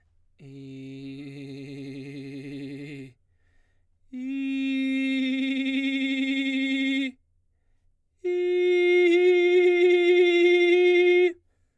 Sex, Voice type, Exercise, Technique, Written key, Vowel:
male, baritone, long tones, trillo (goat tone), , i